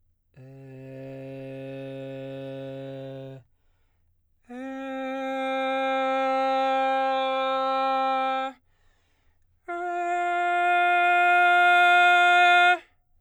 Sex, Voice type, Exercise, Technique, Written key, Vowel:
male, baritone, long tones, straight tone, , e